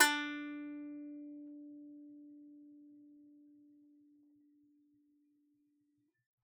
<region> pitch_keycenter=62 lokey=62 hikey=63 volume=2.802491 lovel=100 hivel=127 ampeg_attack=0.004000 ampeg_release=15.000000 sample=Chordophones/Composite Chordophones/Strumstick/Finger/Strumstick_Finger_Str2_Main_D3_vl3_rr1.wav